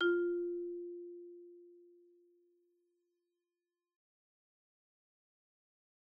<region> pitch_keycenter=65 lokey=63 hikey=68 volume=14.853747 offset=73 xfin_lovel=84 xfin_hivel=127 ampeg_attack=0.004000 ampeg_release=15.000000 sample=Idiophones/Struck Idiophones/Marimba/Marimba_hit_Outrigger_F3_loud_01.wav